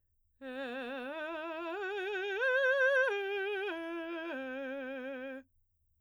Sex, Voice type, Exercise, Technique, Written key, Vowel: female, soprano, arpeggios, vibrato, , e